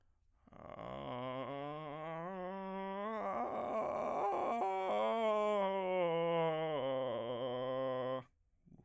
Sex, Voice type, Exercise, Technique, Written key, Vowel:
male, bass, scales, vocal fry, , a